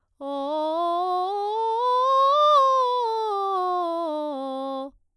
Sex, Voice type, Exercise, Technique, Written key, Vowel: female, soprano, scales, straight tone, , o